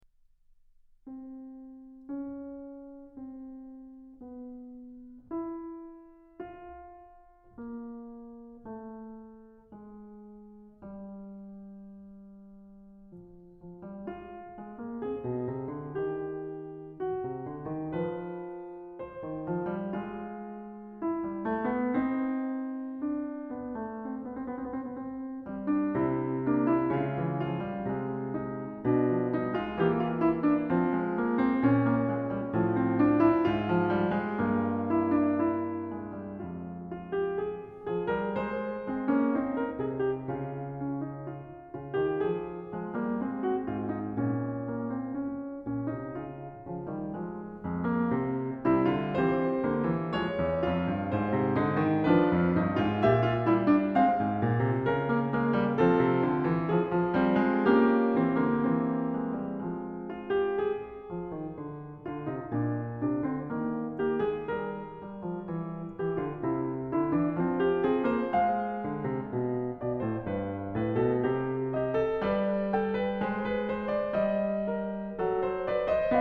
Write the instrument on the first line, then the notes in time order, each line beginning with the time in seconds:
piano
0.03 C4
1.74 C#4
3.20 C4
4.06 B3
5.30 E4
6.50 F4
7.69 A#3
8.70 A3
9.75 G#3
10.83 G3
13.16 F3
13.64 F3
13.86 G3
14.08 G#3 F4
14.58 G#3
14.78 A#3
14.98 C4 G#4
15.27 B2
15.49 C3
15.74 D3
16.00 D#3 G4
16.94 F#4
17.19 C3
17.46 D3
17.65 D#3
18.03 F3 B4
19.05 C5
19.26 D#3
19.47 F3
19.67 G3
20.03 G#3 F4
21.04 E4
21.23 G3
21.43 A3
21.66 B3
21.94 C4 D#4
23.02 D4
23.50 B3
23.76 A3
24.11 C4
24.19 B3
24.26 C4
24.33 B3
24.42 C4
24.48 B3
25.01 C4
25.47 G3 C4
25.70 D4
25.96 C3 C4 E4
26.45 A#3 D4
26.67 E4
26.92 C#3 G#3 F4
27.15 E3
27.50 F3 F4
27.72 G3
27.90 C3 G#3
28.40 D#4
28.85 B2 D4
29.13 F3
29.33 G3 D#4
29.51 G#3 F4
29.81 E3 A#3 G4
30.08 F4
30.27 E4
30.49 D4
30.68 F3 C4
30.88 G#3
31.21 A#3
31.39 C4
31.66 A#2 C#4
31.94 A#3
32.09 G#3
32.30 G3
32.54 A2 F3
32.75 C4
32.99 D4
33.16 E4
33.42 G#2 F4
33.69 F3
33.92 G3
34.11 G#3
34.39 G2 A#3
34.88 E4
35.15 D4
35.54 E4
35.98 G#3
36.15 G3
36.36 F2 G#3 F4
36.88 F4
37.17 G4
37.36 G#4
37.91 F3 G#4
38.14 G3 A#4
38.43 G#3 C5
38.96 G#3 C4
39.11 A#3 C#4
39.36 C4 D#4
39.61 A#4
39.77 C3 G#4
39.98 G4
40.40 C#3 F4
40.82 C#4
41.05 D#4
41.37 F4
41.76 C#3 F4
41.98 D#3 G4
42.21 F3 G#4
42.74 F3 G#3
42.92 G3 A#3
43.20 G#3 C4
43.42 F#4
43.62 G#2 F4
43.88 D#4
44.12 A#2 C#4
44.66 A#3
44.84 C4
45.09 C#4
45.66 A#2 C#4
45.92 C3 D#4
46.17 C#3 F4
46.72 C#3 F3
46.93 D#3 G3
47.16 F3 G#3
47.58 F2 G#3
47.82 A#3
48.12 C3 C4
48.67 C3 G3 E4
48.90 D3 F4
49.13 E3 C4 G4 C5
49.57 D3 A#3
49.89 E3
50.14 F3 G#3 C#5
50.33 E2
50.65 F2 F4
50.91 G2
51.14 G#2 C5
51.36 C3
51.56 D3 D#4
51.72 D#3
52.09 F3 D4 B4
52.40 F2
52.58 G2 D#4
52.82 G#2 F4
53.03 A#2 G4 E5
53.31 F4
53.54 G3 E4
53.75 D4
53.97 G#3 C4 F5
54.19 G#2
54.38 A#2
54.68 C3
54.87 C#3 A#4
55.15 A#3
55.36 G#3 A#3
55.59 G3
55.80 F3 C4 A4
56.04 C3
56.21 D3
56.45 E3
56.63 F3 G#4
56.91 F3
57.10 G3 C4
57.53 G#3
57.75 A#3 C#4 G4
58.17 E3 C4
58.39 D3 A#3
58.70 E3 C4
59.23 G#3
59.48 G3
59.64 F3 G#3
60.02 F4
60.30 G4
60.55 G#4
61.09 F3
61.28 D#3
61.51 D3
62.05 D3 F4
62.29 C3 D#4
62.52 A#2 D4
63.04 C3 D4
63.23 D3 C4
63.49 D#3 A#3
63.95 A#3 G4
64.13 G#3 G#4
64.49 G3 A#4
65.04 G3
65.22 F3
65.48 E3
65.90 E3 G4
66.20 D3 F4
66.45 C3 E4
66.91 D3 E4
67.15 E3 D4
67.35 F3 C4
67.59 G4
67.84 C4 G#4
68.10 A#3 C5
68.36 G#3 F5
68.86 D3
69.09 C3
69.30 B2
69.80 B2 D5
69.97 A2 C5
70.25 G2 B4
70.73 A2 B4
70.97 B2 A4
71.23 C3 G4
71.78 G4 D#5
72.06 A4
72.22 G3 B4 D5
72.77 A4 G5
72.96 B4
73.23 G#3 C5
73.51 B4
73.68 C5
73.87 D5
74.16 G3 D#5
74.69 A#4
75.26 F#3 A4
75.43 C5
75.66 B4 D5
75.88 C5 D#5